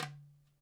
<region> pitch_keycenter=63 lokey=63 hikey=63 volume=8.086489 lovel=0 hivel=83 seq_position=1 seq_length=2 ampeg_attack=0.004000 ampeg_release=30.000000 sample=Membranophones/Struck Membranophones/Darbuka/Darbuka_4_hit_vl1_rr1.wav